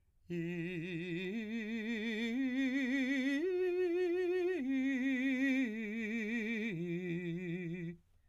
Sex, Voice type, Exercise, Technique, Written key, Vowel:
male, , arpeggios, slow/legato piano, F major, i